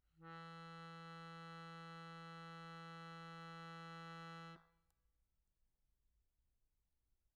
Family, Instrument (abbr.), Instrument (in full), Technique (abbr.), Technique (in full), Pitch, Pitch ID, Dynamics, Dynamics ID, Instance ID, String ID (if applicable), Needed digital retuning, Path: Keyboards, Acc, Accordion, ord, ordinario, E3, 52, pp, 0, 2, , FALSE, Keyboards/Accordion/ordinario/Acc-ord-E3-pp-alt2-N.wav